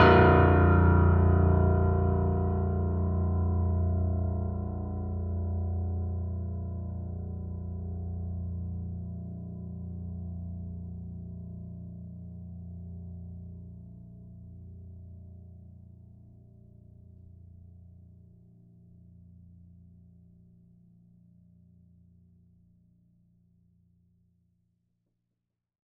<region> pitch_keycenter=22 lokey=21 hikey=23 volume=-0.112712 lovel=100 hivel=127 locc64=65 hicc64=127 ampeg_attack=0.004000 ampeg_release=0.400000 sample=Chordophones/Zithers/Grand Piano, Steinway B/Sus/Piano_Sus_Close_A#0_vl4_rr1.wav